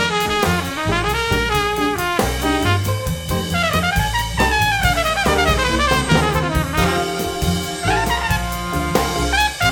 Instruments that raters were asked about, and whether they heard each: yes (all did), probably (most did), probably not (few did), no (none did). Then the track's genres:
trombone: yes
trumpet: yes
saxophone: yes
Blues; Jazz; Big Band/Swing